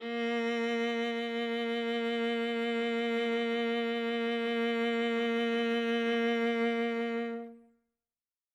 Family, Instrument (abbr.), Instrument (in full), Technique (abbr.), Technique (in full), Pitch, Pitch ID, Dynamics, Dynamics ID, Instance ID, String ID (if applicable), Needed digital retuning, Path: Strings, Va, Viola, ord, ordinario, A#3, 58, ff, 4, 2, 3, FALSE, Strings/Viola/ordinario/Va-ord-A#3-ff-3c-N.wav